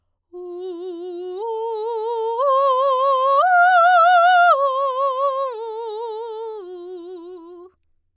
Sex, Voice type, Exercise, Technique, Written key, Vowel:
female, soprano, arpeggios, slow/legato forte, F major, u